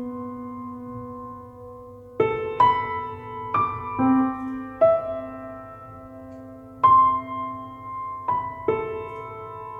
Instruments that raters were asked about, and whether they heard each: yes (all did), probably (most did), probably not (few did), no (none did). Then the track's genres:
piano: yes
Contemporary Classical